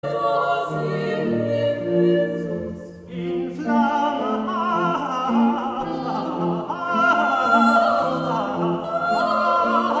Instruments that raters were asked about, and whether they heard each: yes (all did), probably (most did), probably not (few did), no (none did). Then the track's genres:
guitar: probably not
voice: yes
Choral Music